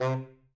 <region> pitch_keycenter=48 lokey=48 hikey=49 tune=15 volume=14.236339 ampeg_attack=0.004000 ampeg_release=1.500000 sample=Aerophones/Reed Aerophones/Tenor Saxophone/Staccato/Tenor_Staccato_Main_C2_vl2_rr1.wav